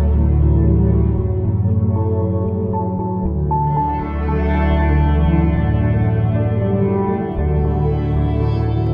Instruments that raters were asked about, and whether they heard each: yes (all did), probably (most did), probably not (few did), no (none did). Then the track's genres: cello: yes
New Age; Instrumental